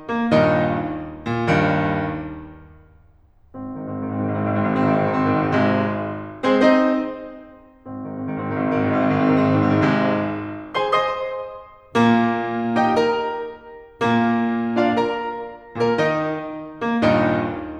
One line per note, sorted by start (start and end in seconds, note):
0.09 0.33 A#3
0.33 1.00 D#2
0.33 1.00 G2
0.33 1.00 A#2
0.33 1.00 D#3
0.33 1.00 D#4
1.21 1.52 A#2
1.53 2.07 D#2
1.53 2.07 G2
1.53 2.07 D#3
3.54 3.88 G#1
3.54 3.88 C4
3.75 3.99 G#2
3.75 3.99 D#3
3.89 4.09 G#1
3.89 4.09 C4
4.01 4.16 G#2
4.01 4.16 D#3
4.09 4.24 G#1
4.09 4.24 C4
4.16 4.37 G#2
4.16 4.37 D#3
4.25 4.48 G#1
4.25 4.48 C4
4.38 4.60 G#2
4.38 4.60 D#3
4.49 4.71 G#1
4.49 4.71 C4
4.61 4.88 G#2
4.61 4.88 D#3
4.71 4.96 G#1
4.71 4.96 C4
4.88 5.07 G#2
4.88 5.07 D#3
4.97 5.15 G#1
4.97 5.15 C4
5.09 5.28 G#2
5.09 5.28 D#3
5.17 5.40 G#1
5.17 5.40 C4
5.28 5.55 G#2
5.28 5.55 D#3
5.40 5.94 G#1
5.40 5.94 C3
5.40 5.94 G#3
6.43 6.68 G#3
6.43 6.68 C4
6.43 6.68 G#4
6.43 6.68 C5
6.69 7.45 C4
6.69 7.45 D#4
6.69 7.45 C5
6.69 7.45 D#5
7.86 8.27 G#1
7.86 8.27 C4
8.12 8.43 G#2
8.12 8.43 D#3
8.28 8.63 G#1
8.28 8.63 C4
8.45 8.75 G#2
8.45 8.75 D#3
8.64 8.85 G#1
8.64 8.85 C4
8.77 8.94 G#2
8.77 8.94 D#3
8.85 9.03 G#1
8.85 9.03 C4
8.94 9.13 G#2
8.94 9.13 D#3
9.04 9.24 G#1
9.04 9.24 C4
9.15 9.37 G#2
9.15 9.37 D#3
9.25 9.47 G#1
9.25 9.47 C4
9.37 9.56 G#2
9.37 9.56 D#3
9.47 9.66 G#1
9.47 9.66 C4
9.56 9.76 G#2
9.56 9.76 D#3
9.69 9.87 G#1
9.69 9.87 C4
9.78 10.03 G#2
9.78 10.03 D#3
9.88 10.36 G#1
9.88 10.36 C3
9.88 10.36 G#3
10.68 10.94 G#4
10.68 10.94 C5
10.68 10.94 G#5
10.68 10.94 C6
10.94 11.55 C5
10.94 11.55 D#5
10.94 11.55 C6
10.94 11.55 D#6
11.92 12.76 A#2
11.92 12.76 A#3
12.77 13.12 D#4
12.77 13.12 G4
12.77 13.12 D#5
12.77 13.12 G5
13.12 13.58 A#4
13.12 13.58 A#5
13.97 14.76 A#2
13.97 14.76 A#3
14.77 15.02 D4
14.77 15.02 F4
14.77 15.02 D5
14.77 15.02 F5
15.02 15.50 A#4
15.02 15.50 A#5
15.69 15.94 A#2
15.69 15.94 A#3
15.69 15.94 A#4
15.98 16.63 D#3
15.98 16.63 D#4
15.98 16.63 D#5
16.87 17.03 A#3
17.04 17.59 D#2
17.04 17.59 G2
17.04 17.59 A#2
17.04 17.59 D#3
17.04 17.59 D#4